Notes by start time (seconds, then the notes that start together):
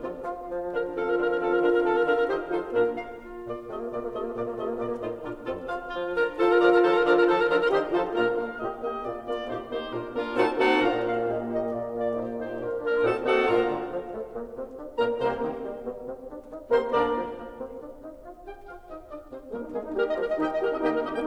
0.00 F3 C4 F4 A4
0.22 F4
0.46 F3
0.74 D3 D4 A#4
0.99 D#3 F3 C4 F4 A4 F5
1.11 A#4
1.20 D3 D4 A#4
1.28 A#4
1.36 D#3 C4 A4
1.51 A#4
1.65 D3 D4 A#4
1.75 A#4
1.92 D#3 C4 F4 A4 F5
2.01 D3 D4 A#4
2.12 A#4
2.25 D#3 D#4 G4 C5 D#5
2.46 F3 D#4 F4 A4 C5
2.73 A#2 A#3 D4 F4 A#4
3.09 F5
3.26 F4
3.45 A#2 A#3 D5
3.63 C3 A3 F4 D#5
3.76 A#3
3.81 A#2 A#3 D5
3.88 A#3
4.01 C3 A3 D#5
4.14 A#3
4.26 A#2 A#3 D5
4.41 A#3
4.53 C3 G#3 F4 D#5
4.63 A#3
4.75 A#2 A#3 D5
4.85 A#3
4.95 A2 D#4 F4 C5
5.22 A#2 D4 F4 A#4
5.42 F2 C4 F4 A4
5.69 F4 F5
5.93 F3 F4
6.13 D3 D4 A#4 A#5
6.37 D#3 F3 D#4 F4 A4 C5 A5
6.48 A#4 A#5
6.58 D3 F3 D4 A#4 D5 A#5
6.65 A#4 A#5
6.71 D#3 F3 D#4 A4 C5 A5
6.85 A#4 A#5
6.94 D3 F3 D4 A#4 D5 A#5
7.06 D#3 F3 D#4 F4 A4 C5 A5
7.13 A#4 A#5
7.22 D3 F3 D4 A#4 F5 A#5
7.34 A#4 A#5
7.48 D#3 D#4 G4 C5 D#5 C6
7.84 F3 D#4 F4 A4 C5 A5
8.16 A#2 A#3 D4 F4 A#4 A#5
8.31 A#3 F5
8.59 A#2 G4 D#5
8.79 A#3 G4 D#5
9.02 A#2 F4 D5
9.26 A#3 F4 D5
9.44 A#2 D#4 G4 C5
9.68 A#3 D#4 G4 C5
9.95 A#2 D4 F4 A#4
10.14 A#3 D4 F4 A#4
10.37 A#2 C4 D#4 F#4 A4 F#5 A5
10.60 A#3 C4 D#4 F#4 A4 F#5 A5
10.80 A#2 D4 F4 A#4 F5 A#5
11.05 A#3 F5
11.24 A#2 A#3 G4 D#5
11.38 A#3 G4 D#5
11.70 A#2 A#3 F4 D5
11.96 A#3 F4 D5
12.12 A#2 D#4 G4 C5
12.31 A#3 D#4 G4 C5
12.55 A#2 A#3 D4 F4 A#4
12.83 A#3 D4 F4 A#4
13.06 A#2 C4 D#4 F#4 A4 F#5 A5
13.35 A#3 C4 D#4 F#4 A4 F#5 A5
13.64 G#2 A#2 D4 F4 A#4 F5 A#5
13.78 D3
13.91 D3 F3
14.06 F3 A3
14.33 A#3
14.52 C4
14.77 D4
14.95 A#2 A#3 A#4 A#5
15.22 C2 C3 A#3 C4 A#4 C5
15.37 D#3
15.65 G3
15.82 B3
16.00 C4
16.29 D4
16.56 D#4
16.68 C3 A#3 C4 C5 C6
16.90 D2 D3 A#3 D4 A#4 D5
17.18 F3
17.36 A#3
17.60 C4
17.77 D4
18.03 D#4
18.24 F4
18.43 G4 G5
18.54 F4 F5
18.85 D#4 D#5
19.11 D4 D5
19.28 C4 C5
19.54 A#3 A#4
19.59 D#4
19.73 G#3 A#3 G#4
19.81 D#4
19.95 G3 G4 A#4
20.06 D#5
20.13 F3 F4 A#4
20.20 D#5
20.36 D#3 D#4 G4 D#5 G5
20.47 D#5
20.61 G4 A#4
20.67 D#4 D#5
20.79 D#3 A#3 D#4 G4 D#5 G5
20.93 D#4 G4 A#4 D#5
21.13 A#3 G5